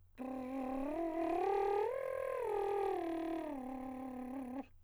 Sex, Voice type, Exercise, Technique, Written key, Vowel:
male, countertenor, arpeggios, lip trill, , u